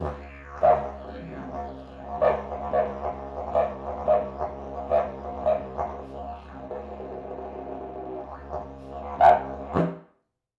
<region> pitch_keycenter=64 lokey=64 hikey=64 volume=5.000000 ampeg_attack=0.004000 ampeg_release=1.000000 sample=Aerophones/Lip Aerophones/Didgeridoo/Didgeridoo1_Phrase5_Main.wav